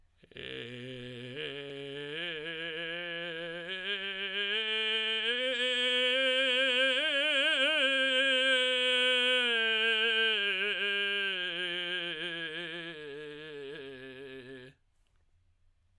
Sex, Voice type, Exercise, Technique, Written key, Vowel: male, tenor, scales, vocal fry, , e